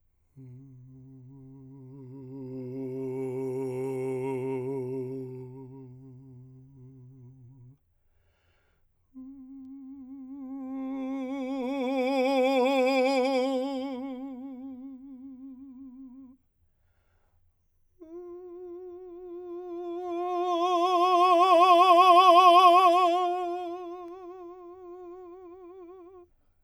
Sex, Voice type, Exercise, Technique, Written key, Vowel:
male, , long tones, messa di voce, , u